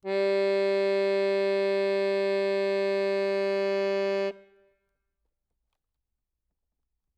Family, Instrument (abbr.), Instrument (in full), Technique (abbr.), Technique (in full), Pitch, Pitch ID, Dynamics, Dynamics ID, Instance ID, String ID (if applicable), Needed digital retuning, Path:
Keyboards, Acc, Accordion, ord, ordinario, G3, 55, ff, 4, 2, , FALSE, Keyboards/Accordion/ordinario/Acc-ord-G3-ff-alt2-N.wav